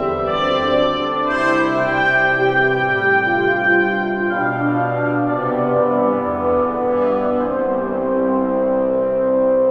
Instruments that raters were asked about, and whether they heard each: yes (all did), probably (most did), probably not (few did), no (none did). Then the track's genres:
trombone: no
organ: probably
trumpet: probably
Classical